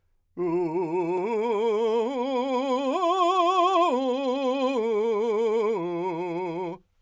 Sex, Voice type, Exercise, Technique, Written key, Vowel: male, , arpeggios, slow/legato forte, F major, u